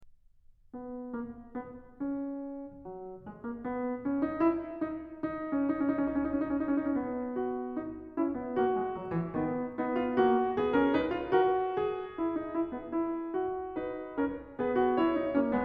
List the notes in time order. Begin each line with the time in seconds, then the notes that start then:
0.01 B3
1.06 A#3
1.39 B3
1.93 C#4
2.86 F#3
3.27 G#3
3.40 A#3
3.58 B3
4.05 C#4
4.21 D#4
4.42 E4
4.92 D#4
5.44 D#4
5.50 C#4
5.56 D#4
5.61 C#4
5.68 D#4
5.76 C#4 D#4
5.83 C#4
5.90 D#4
5.97 C#4
6.04 D#4
6.11 C#4
6.19 D#4
6.25 C#4
6.33 D#4
6.40 C#4
6.45 D#4
6.51 C#4
6.57 D#4
6.64 C#4
6.71 D#4
6.79 C#4
6.87 D#4
6.94 C#4
7.00 B3
7.38 F#4
7.78 D#4
8.15 C#4 E4
8.38 B3
8.60 A#3 F#4
8.80 G#3
8.96 F#3
9.11 E3
9.31 D#3 B3
9.79 B3 D#4
9.98 F4
10.19 A#3 F#4
10.56 B3 G#4
10.77 C#4 A#4
10.96 D#4 B4
11.13 F4
11.32 F#4 A#4
11.75 A#4
11.82 G#4
11.90 A#4
11.97 G#4
12.05 G#4 A#4
12.14 E4 A#4
12.20 G#4
12.27 A#4
12.34 D#4 G#4
12.41 A#4
12.48 G#4
12.53 E4 A#4
12.58 G#4
12.67 A#4
12.72 B3 G#4
12.79 A#4
12.86 G#4
12.91 E4 A#4
13.00 G#4
13.07 A#4
13.16 G#4
13.23 A#4
13.33 G#4
13.40 F#4
13.78 D#4 B4
14.18 C#4 A#4
14.60 B3 G#4 B4
14.80 F#4
14.95 E4 C#5
15.16 D#4
15.36 A#3 C#4
15.56 G#3 B3